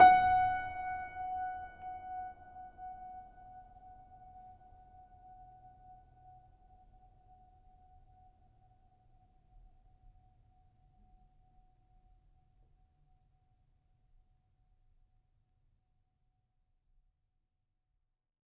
<region> pitch_keycenter=78 lokey=78 hikey=79 volume=1.171149 lovel=0 hivel=65 locc64=65 hicc64=127 ampeg_attack=0.004000 ampeg_release=0.400000 sample=Chordophones/Zithers/Grand Piano, Steinway B/Sus/Piano_Sus_Close_F#5_vl2_rr1.wav